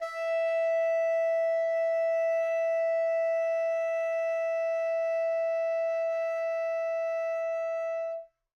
<region> pitch_keycenter=76 lokey=76 hikey=77 volume=14.930283 lovel=0 hivel=83 ampeg_attack=0.004000 ampeg_release=0.500000 sample=Aerophones/Reed Aerophones/Tenor Saxophone/Non-Vibrato/Tenor_NV_Main_E4_vl2_rr1.wav